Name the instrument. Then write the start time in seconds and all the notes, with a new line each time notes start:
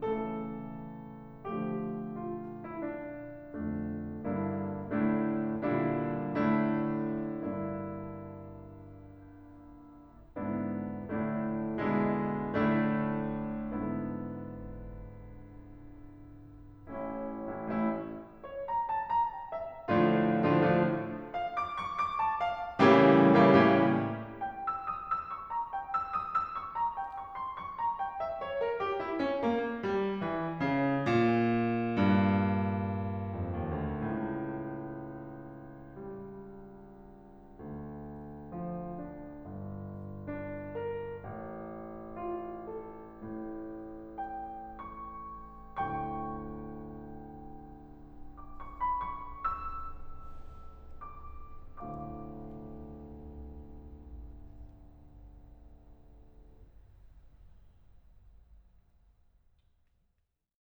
piano
0.01 C#3 E3 A3 A4
1.47 D3 F3 A3 G4
2.10 F4
2.62 E4
2.82 D4
3.58 F2 D3 A3 D4
4.26 G2 D3 A#3 D4 E4
4.89 A2 D3 A3 D4 E4
5.59 A#2 D3 G3 D4 E4
6.37 A2 D3 A3 D4 E4
7.38 G2 D3 A#3 D4 E4
10.45 G#2 D3 B3 D4 E4
11.19 A2 D3 A3 D4 E4
11.82 B2 D3 G#3 D4 E4
12.64 A2 D3 A3 D4 E4
13.54 G#2 D3 B3 D4 E4
16.97 A1 A2 A3 C#4 E4
17.51 A1 A2 A3 C#4 E4
17.69 A1 A2 A3 C#4 E4
18.40 C#5
18.63 A#5
18.86 A5
19.08 A#5
19.35 G5
19.58 E5
19.87 A2 D3 F3 A3 D4 F4
20.32 A2 D3 F3 A3 D4 F4
20.50 A2 D3 F3 A3 D4 F4
21.24 F5
21.45 D6
21.61 C#6
21.87 D6
22.20 A5
22.42 F5
22.77 A2 C#3 E3 G3 A#3 C#4 E4 G4
23.32 A2 C#3 E3 G3 A#3 C#4 E4 G4
23.50 A2 C#3 E3 G3 A#3 C#4 E4 G4
24.33 G5
24.56 E6
24.84 D#6
25.06 E6
25.32 C#6
25.50 A#5
25.70 G5
25.88 E6
26.13 D#6
26.31 E6
26.52 C#6
26.76 A#5
26.94 G5
27.17 C#6
27.37 C6
27.61 C#6
27.81 A#5
28.00 G5
28.22 E5
28.43 C#5
28.62 A#4
28.79 G4
29.02 E4
29.23 C#4
29.45 A#3
29.82 G3
30.18 E3
30.62 C#3
31.02 A#2
31.89 G2
33.41 F2
33.61 D#2
33.80 D2
34.06 C#2 A2
35.94 G3
37.60 D2
38.52 F3
39.04 D4
39.46 G1
40.29 D4
40.75 A#4
41.24 A1
42.15 F4
42.68 A4
43.08 A2
44.25 G5
44.82 C#6
45.87 D2 A2 G5 C#6
48.14 D6
48.35 C#6
48.78 B5
49.05 C#6
49.37 E6
51.12 D6
51.76 D2 A2 F5 D6